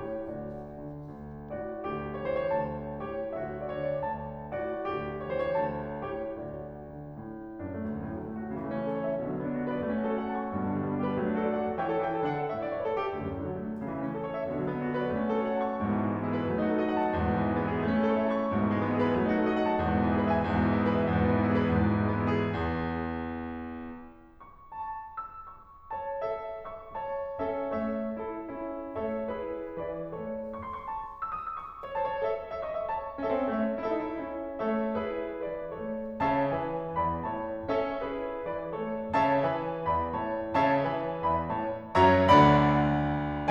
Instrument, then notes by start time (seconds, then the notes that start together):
piano
0.00 A2 G4 C#5
0.22 D2 F#4 D5
0.77 D3
0.95 D2
1.53 A2 F#4 D5
1.87 D2 G4
2.22 C#5
2.30 E3 B4
2.39 C#5
2.48 D2 A5
3.02 A2 G4 C#5
3.33 D2 F#4 E5
3.66 D5
3.77 D3 C#5
3.88 D5
4.03 D2 A5
4.55 A2 F#4 D5
4.86 D2 G4
5.26 C#5
5.36 E3 B4
5.46 C#5
5.61 D2 A5
6.06 A2 G4 C#5
6.40 D2 F#4 D5
6.90 D3
7.17 A2
7.65 F#2 D4
7.74 A3
7.84 D2
7.93 F#2
8.05 A2 F#3
8.14 D3 A3
8.30 D4
8.39 F#4
8.49 C#3
8.58 E3
8.67 A3 E4
8.78 C#4 A4
8.89 C#5
9.03 E5
9.16 B2
9.25 D3
9.35 F#3 D4
9.45 B3 F#4
9.58 B4
9.68 D5
9.80 A3
9.91 C#4
10.03 F#4 C#5
10.19 A4 F#5
10.29 A5
10.37 C#6
10.46 G2
10.55 B2
10.66 D3 B3
10.75 G3 D4
10.86 G4
10.96 B4
11.05 F#3
11.16 A3
11.30 D4 A4
11.42 F#4 D5
11.54 F#5
11.67 A5
11.78 E3 E4 C#5 G5
11.92 A4
12.02 E3 E4 C#5 G5
12.14 A4
12.25 D3 D4 D5 F#5
12.34 A4
12.47 A2 A3 C#5 E5
12.57 D5
12.68 C#5
12.77 B4
12.90 A4
13.00 G4
13.13 D2
13.24 F#2
13.35 A2 F#3
13.46 D3 A3
13.56 D4
13.65 F#4
13.75 C#3
13.87 E3
13.96 A3 E4
14.08 C#4 A4
14.18 C#5
14.29 E5
14.40 B2
14.49 D3
14.58 F#3 D4
14.69 B3 F#4
14.80 B4
14.94 D5
15.10 A3
15.23 C#4
15.31 F#4 C#5
15.42 A4 F#5
15.51 A5
15.63 C#6
15.77 G#2
15.88 B2
16.06 D3 B3
16.21 G#3 D4
16.30 G#4
16.39 B4
16.49 F#3
16.59 A3
16.70 D#4 A4
16.79 F#4 D#5
16.88 F#5
16.97 A5
17.10 E2
17.23 G#2
17.37 B2 G#3
17.48 E3 B3
17.59 E4
17.68 G#4
17.77 A3
17.91 C#4
18.01 E4 C#5
18.12 A4 E5
18.22 A5
18.31 C#6
18.40 G#2
18.52 B2
18.62 D3 B3
18.78 G#3 D4
18.90 G#4
18.99 B4
19.12 F#3
19.27 A3
19.38 D#4 A4
19.47 F#4 D#5
19.60 F#5
19.71 A5
19.81 E2
19.91 G#2
20.02 B2 G#4
20.15 E3 B4
20.26 E5
20.35 G#5
20.43 E2
20.57 G#2
20.67 B2 E4
20.76 E3 G#4
20.87 B4
20.98 E5
21.07 E2
21.16 G#2
21.29 B2 B3
21.41 E3 E4
21.52 G#4
21.62 B4
21.75 E2
21.88 G#2
22.07 B2 G#3
22.23 E3 B3
22.34 E4
22.47 G#4
22.59 E2
24.33 C#6
24.72 A5
25.17 E6
25.45 C#6
25.91 C#5 A5
26.23 A4 E5
26.69 E5 C#6
26.95 C#5 A5
27.46 C#4 A4 E5
27.70 A3 C#5
28.12 E4 A4
28.34 C#4 E4
28.98 A3 A4 C#5 E5
29.30 E4 G#4 B4
29.81 E3 B4 D5
30.14 A3 A4 C#5
30.51 C#6
30.64 C6
30.75 C#6
30.86 A5
31.21 E6
31.32 D#6
31.43 E6
31.52 C#6
31.85 C#5
31.96 C5 A5
32.07 C#5
32.18 A4 E5
32.53 E5
32.62 D#5 C#6
32.77 E5
32.88 C#5 A5
33.18 C#4
33.29 C4 A4 E5
33.39 C#4
33.47 A3 E5
33.84 E4
33.99 D#4 A4
34.12 E4
34.21 C#4 E4
34.62 A3 A4 C#5 E5
35.06 E4 G#4 B4
35.47 E3 B4 D5
35.70 A3 A4 C#5
36.23 C#3 C#5 E5 A5
36.51 E3 B4 E5 G#5
37.00 E2 D5 E5 B5
37.24 A2 C#5 E5 A5
37.73 C#4 A4 C#5 E5
38.00 E4 G#4 B4
38.49 E3 B4 D5
38.75 A3 A4 C#5
39.16 C#3 C#5 E5 A5
39.39 E3 B4 E5 G#5
39.87 E2 D5 E5 B5
40.17 A2 C#5 E5 A5
40.61 C#3 C#5 E5 A5
40.86 E3 B4 E5 G#5
41.24 E2 D5 E5 B5
41.54 A2 C#5 E5 A5
41.99 F#2 F#3 C#5 E5 A#5
42.18 D2 D3 D5 F#5 B5